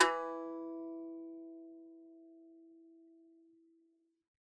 <region> pitch_keycenter=52 lokey=52 hikey=53 volume=5.751143 lovel=100 hivel=127 ampeg_attack=0.004000 ampeg_release=15.000000 sample=Chordophones/Composite Chordophones/Strumstick/Finger/Strumstick_Finger_Str1_Main_E2_vl3_rr1.wav